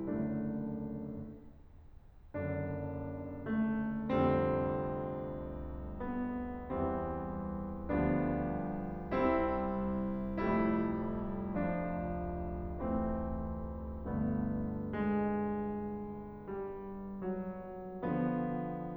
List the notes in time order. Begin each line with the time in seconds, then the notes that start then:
0.01 F#1 F#2 D3 A3 D4
2.37 F#1 F#2 D3 D4
3.51 A3
4.06 F1 F2 D3 G3 C4
6.03 B3
6.69 E2 E3 G3 C4
7.91 D2 D3 F3 G3 B3 D4
9.03 C2 C3 G3 C4 E4
10.30 F1 F2 G3 A3 E4
11.53 F3 D4
12.85 E3 A3 C4
14.07 G1 G2 D3 A3
14.89 G#3
16.52 G3
17.30 F#3 B3
18.25 D3 F3 B3